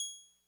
<region> pitch_keycenter=92 lokey=91 hikey=94 volume=12.985388 lovel=66 hivel=99 ampeg_attack=0.004000 ampeg_release=0.100000 sample=Electrophones/TX81Z/Clavisynth/Clavisynth_G#5_vl2.wav